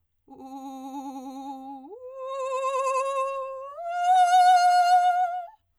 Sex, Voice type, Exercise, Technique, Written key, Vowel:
female, soprano, long tones, trillo (goat tone), , u